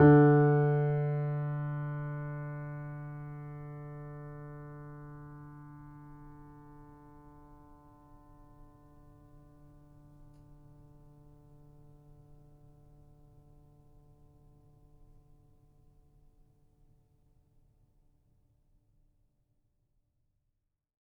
<region> pitch_keycenter=50 lokey=50 hikey=51 volume=-0.989361 lovel=66 hivel=99 locc64=0 hicc64=64 ampeg_attack=0.004000 ampeg_release=0.400000 sample=Chordophones/Zithers/Grand Piano, Steinway B/NoSus/Piano_NoSus_Close_D3_vl3_rr1.wav